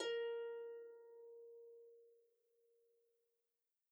<region> pitch_keycenter=70 lokey=70 hikey=71 tune=-2 volume=11.823563 xfout_lovel=70 xfout_hivel=100 ampeg_attack=0.004000 ampeg_release=30.000000 sample=Chordophones/Composite Chordophones/Folk Harp/Harp_Normal_A#3_v2_RR1.wav